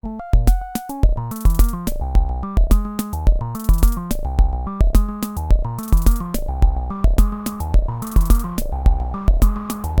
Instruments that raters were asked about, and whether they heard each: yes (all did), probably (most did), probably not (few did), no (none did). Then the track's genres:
violin: no
mallet percussion: no
synthesizer: yes
voice: no
Electronic; Experimental; Minimal Electronic